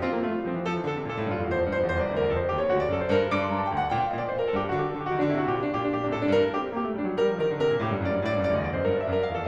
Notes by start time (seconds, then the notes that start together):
0.00 C4 F4
0.14 A#3
0.24 A3 F4
0.35 G3
0.45 F3 C4
0.56 E3
0.66 F3 A4
0.75 E3
0.86 D3 A4
0.95 C3
1.03 A#2 A4
1.16 A2
1.25 G2 F4
1.35 F2
1.44 E2 C5
1.54 F2
1.66 G2 C5
1.75 F2
1.87 E2 C5
1.99 C2 D5
2.10 D2 C5
2.21 E2 A#4
2.30 F2 A4
2.39 C5
2.50 D#2 G4
2.59 C#5
2.68 D2 F#4
2.79 D5
2.88 F#2 A4
2.96 C5
3.07 G2 A#4
3.27 G2 D6
3.42 C6
3.54 G2 A#5
3.63 A5
3.73 D2 G5
3.84 F#5
3.94 A#2 G5
4.03 F5
4.13 A#2 D#5
4.23 D5
4.32 A#2 C5
4.42 A#4
4.53 G2 A4
4.62 G4
4.73 D3 F#4
4.82 G4
4.91 D3 A4
5.00 G4
5.11 D3 F#4
5.21 D#3 D4
5.29 D3 E4
5.39 C3 F#4
5.51 A#2 G4
5.61 D4
5.70 A#2 G4
5.76 D4
5.85 A#2 G4
5.96 C3 D4
6.07 A#2 A4
6.19 A2 D4
6.28 G2 A#4
6.51 D4 G4
6.59 C4
6.73 A#3 G4
6.82 A3
6.93 G3 D4
7.04 F#3
7.17 G3 A#4
7.33 F3
7.42 D#3 A#4
7.50 D3
7.59 C3 A#4
7.70 A#2
7.83 A2 G4
7.92 G2
8.03 F#2 D5
8.14 G2
8.23 A2 D5
8.35 G2
8.46 F#2 D5
8.56 D2 D#5
8.66 E2 D5
8.75 F#2 C5
8.84 G2 A#4
8.94 D5
9.03 F#2 E5
9.17 A#4
9.29 F2 F5
9.38 A4